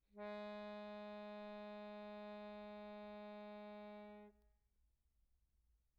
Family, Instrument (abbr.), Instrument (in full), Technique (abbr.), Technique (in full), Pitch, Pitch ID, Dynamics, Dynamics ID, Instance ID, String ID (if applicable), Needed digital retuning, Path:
Keyboards, Acc, Accordion, ord, ordinario, G#3, 56, pp, 0, 2, , FALSE, Keyboards/Accordion/ordinario/Acc-ord-G#3-pp-alt2-N.wav